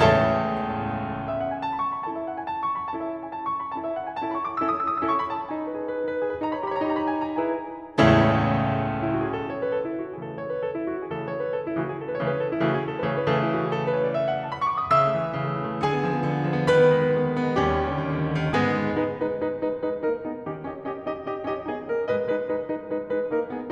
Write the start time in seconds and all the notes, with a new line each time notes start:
0.00 C#2 E2 A2 C#3 A4 C#5 E5 A5
1.17 E5
1.28 F#5
1.47 G#5
1.59 A5
1.71 B5
1.81 C#6
1.95 B5
2.09 C#4 E4 A4 E5 A5
2.19 F#5
2.31 G#5
2.41 A5
2.54 B5
2.65 C#6
2.82 B5
2.94 C#4 E4 A4 A5
3.04 E5
3.13 F#5
3.24 G#5
3.34 A5
3.44 B5
3.53 C#6
3.65 B5
3.76 C#4 E4 A4 A5
3.84 E5
3.98 F#5
4.13 G#5
4.28 C#4 E4 A4 A5
4.39 B5
4.48 C#6
4.61 D6
4.73 C#4 E4 A4 E6
4.84 D#6
4.91 E6
5.00 D#6
5.10 C#4 E4 A4 E6
5.20 C#6
5.31 B5
5.41 A5
5.53 D#4 G#5
5.64 B4
5.75 G#4
5.84 B4
5.93 D#4
6.05 B4
6.18 G#4
6.27 B4
6.42 D#4 B5
6.51 C#5 A#5
6.58 B5
6.71 G4 A#5
6.78 C#5 B5
6.84 A#5
6.90 D#4 B5
7.00 C#5 A#5
7.07 B5
7.14 G4 A#5
7.22 G#5
7.28 C#5 A#5
7.37 E4 G#4 B4 G#5
7.98 C#2 E2 A2 C#3 A3 C#4 E4 A4
8.66 E4
8.96 F#4
9.22 G#4
9.37 A4
9.49 B4
9.61 C#5
9.71 B4
9.80 A4
9.89 E4
10.02 F#4
10.11 G#4
10.21 C#3 E3 A3 A4
10.29 B4
10.41 C#5
10.53 B4
10.65 A4
10.81 E4
10.90 F#4
11.03 G#4
11.12 C#3 E3 A3 A4
11.20 B4
11.28 C#5
11.44 B4
11.55 A4
11.66 E4
11.75 C#3 E3 A3 F#4
11.83 G#4
11.94 A4
12.04 B4
12.14 C#3 E3 A3 C#5
12.28 B4
12.41 A4
12.50 E4
12.61 C#3 E3 A3 F#4
12.68 G#4
12.88 A4
12.97 B4
13.07 C#3 E3 A3 C#5
13.19 B4
13.29 C#3 E3 A3 A4
13.43 E4
13.56 F#4
13.68 G#4
13.79 A4
13.89 B4
14.01 C#5
14.12 D#5
14.21 E5
14.30 F#5
14.38 G#5
14.47 A5
14.56 B5
14.66 C#6
14.76 D6
14.85 D#6
14.94 C#3 E5 E6
15.05 A3
15.13 E3
15.24 A3
15.34 C#3
15.43 A3
15.53 E3
15.69 A3
15.79 D3 G#4 G#5
15.91 B3
16.00 F3
16.10 B3
16.25 D3
16.35 B3
16.45 F3
16.57 B3
16.66 D#3 B4 B5
16.76 B3
16.92 G#3
17.02 B3
17.16 D#3
17.29 B3
17.41 G#3
17.52 B3
17.61 D#2 G3 C#4 G4
17.77 D#3
17.89 D3
17.98 D#3
18.08 D3
18.23 D#3
18.33 D3
18.44 D#3
18.53 G#2 G#3 B3 G#4
18.85 G#3 D#4 B4
19.05 G#3 D#4 B4
19.30 G#3 D#4 B4
19.60 G#3 D#4 B4
19.77 G#3 D#4 B4
19.97 A#3 D#4 A#4
20.19 B3 D#4 G#4
20.41 D#3 C#4 D#4 G4
20.61 C#4 D#4 G4 D#5
20.85 C#4 D#4 G4 D#5
21.07 C#4 D#4 G4 D#5
21.29 C#4 D#4 G4 D#5
21.49 C#4 D#4 G4 D#5
21.70 B3 C#4 D#4 G#4 D#5
21.91 A#3 D#4 A#4 D#5
22.14 G#2 G#3 B4 D#5
22.31 G#3 D#4 B4
22.50 G#3 D#4 B4
22.65 G#3 D#4 B4
22.84 G#3 D#4 B4
23.02 G#3 D#4 B4
23.28 A#3 D#4 A#4
23.52 B3 D#4 G#4